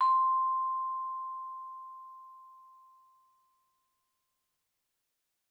<region> pitch_keycenter=84 lokey=83 hikey=86 volume=13.757376 offset=91 lovel=0 hivel=83 ampeg_attack=0.004000 ampeg_release=15.000000 sample=Idiophones/Struck Idiophones/Vibraphone/Hard Mallets/Vibes_hard_C5_v2_rr1_Main.wav